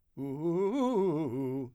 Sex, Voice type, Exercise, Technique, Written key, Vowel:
male, , arpeggios, fast/articulated forte, C major, u